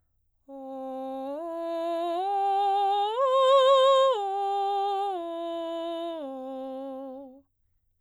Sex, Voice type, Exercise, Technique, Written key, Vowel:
female, soprano, arpeggios, straight tone, , o